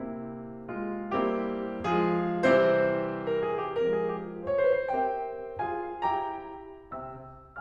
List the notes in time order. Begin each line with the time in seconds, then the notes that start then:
0.01 C3 A#3 C4 E4
0.70 G#3 F4
1.12 G3 A#3 C4 E4 G4
1.96 F3 G#3 F4 G#4
2.42 C3 E3 G3 C4 E4 G4 C5
3.30 A#4
3.45 G#4
3.59 G4
3.74 F3 G#3 C4 A#4
3.92 G#4
4.10 G4
4.29 F4
4.44 C5
4.52 C#5
4.61 B4
4.78 C5
4.95 C4 G4 A#4 C5 E5 G5
5.63 F4 G#4 F5 G#5
6.08 E4 G4 G5 A#5
6.93 C3 C4 E5 G5 E6